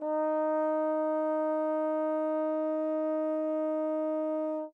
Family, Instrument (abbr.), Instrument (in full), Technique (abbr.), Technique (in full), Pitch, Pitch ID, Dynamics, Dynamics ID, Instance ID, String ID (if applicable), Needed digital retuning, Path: Brass, Tbn, Trombone, ord, ordinario, D#4, 63, mf, 2, 0, , FALSE, Brass/Trombone/ordinario/Tbn-ord-D#4-mf-N-N.wav